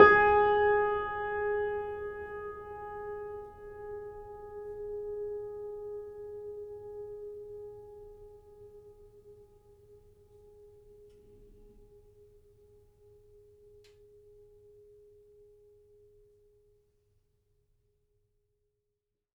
<region> pitch_keycenter=68 lokey=68 hikey=69 volume=0.706117 lovel=0 hivel=65 locc64=65 hicc64=127 ampeg_attack=0.004000 ampeg_release=0.400000 sample=Chordophones/Zithers/Grand Piano, Steinway B/Sus/Piano_Sus_Close_G#4_vl2_rr1.wav